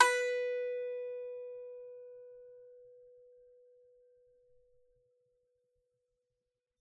<region> pitch_keycenter=71 lokey=71 hikey=72 volume=-2.000912 lovel=100 hivel=127 ampeg_attack=0.004000 ampeg_release=15.000000 sample=Chordophones/Composite Chordophones/Strumstick/Finger/Strumstick_Finger_Str3_Main_B3_vl3_rr1.wav